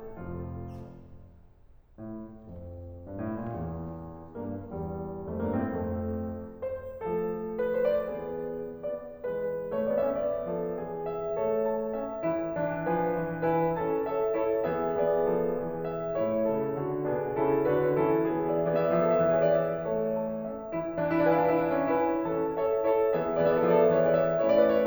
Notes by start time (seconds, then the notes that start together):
0.00 F1 F2 F3 F4
2.01 A2
2.52 F2
3.13 G2
3.27 A2
3.46 A#2
3.61 E2
4.38 G2 A#3
4.71 E2 G3
5.31 F2 A3
5.42 G2 A#3
5.56 A2 C4
5.70 F2 A3
6.65 C5
7.04 F3 A3 A4
7.66 B4
7.78 C5
7.94 D5
8.12 E3 B3 G#4
8.92 B3 D5
9.20 E3 G#3 B4
9.78 A3 C#5
9.89 B3 D5
10.04 C#4 E5
10.23 B3 D5
10.53 F3 A4
10.76 E3 G#4
11.04 E5
11.39 A3 A4 C#5
11.69 A5
12.02 C#4 E5
12.33 E3 E4
12.61 E3 D4
12.88 F3 B4 G#5
13.12 E3
13.44 E4 B4 G#5
13.77 C#4 A4 A5
14.08 A4 C#5 E5
14.34 E4 A4 C#5
14.69 E3 B3 G#4 E5
14.98 E3 B3 G#4 D5
15.30 F3 A4
15.60 E3 G#4
15.87 E5
16.23 A2 A3 E4 C#5
16.49 C#3 A4
16.78 D3 F#4
17.06 B2 D4 G#4
17.35 C#3 E4 A4
17.67 D3 D4 G#4 B4
17.94 E3 C#4 E4 A4
18.27 E3 B3 G#4
18.49 E5
18.66 E3 B3 G#4 D5
18.70 E5
18.80 D5
18.88 E5
18.95 F3 A4 D5
19.02 E5
19.09 D5
19.19 E5
19.25 E3 G#4 D5
19.33 E5
19.44 C#5
19.49 D5
19.61 E5
19.89 E3 A3 A4 C#5
20.19 A5
20.43 C#4 E5
20.75 E3 E4
21.07 E3 D4
21.13 E4
21.21 D4
21.28 E4
21.35 D4 G#4 F5 G#5
21.44 E4
21.54 D4
21.59 E4
21.64 D4 E5
21.70 E4
21.76 C#4
21.82 D4
21.90 E4 B4 G#5
22.23 E3 C#4 A4 A5
22.55 A4 C#5 E5
22.81 E4 A4 C#5
23.14 E3 B3 G#4 E5
23.41 E3 B3 G#4 D5 E5
23.48 D5
23.52 E5
23.58 F#3 A4 D5
23.65 E5
23.73 D5
23.82 E5
23.89 E3 G#4 D5
23.96 E5
24.02 C#5
24.09 D5
24.17 E5
24.44 A3 C#4 E4 A4 C#5
24.51 D5
24.57 B4
24.76 C#5